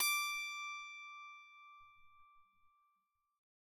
<region> pitch_keycenter=86 lokey=86 hikey=87 tune=-8 volume=13.665486 ampeg_attack=0.004000 ampeg_release=15.000000 sample=Chordophones/Zithers/Psaltery, Bowed and Plucked/Pluck/BowedPsaltery_D5_Main_Pluck_rr1.wav